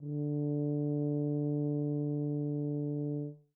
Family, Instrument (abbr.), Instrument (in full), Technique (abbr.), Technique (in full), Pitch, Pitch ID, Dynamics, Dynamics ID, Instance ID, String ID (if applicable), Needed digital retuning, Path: Brass, BTb, Bass Tuba, ord, ordinario, D3, 50, mf, 2, 0, , TRUE, Brass/Bass_Tuba/ordinario/BTb-ord-D3-mf-N-T16u.wav